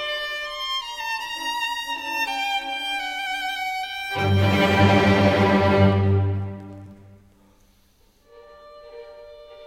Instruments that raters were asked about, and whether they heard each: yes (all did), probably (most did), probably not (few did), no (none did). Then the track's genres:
cello: yes
violin: yes
Classical